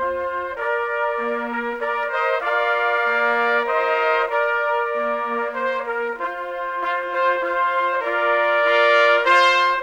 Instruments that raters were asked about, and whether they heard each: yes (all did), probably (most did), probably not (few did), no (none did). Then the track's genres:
clarinet: no
mandolin: no
bass: no
trombone: no
trumpet: yes
cymbals: no
Classical; Americana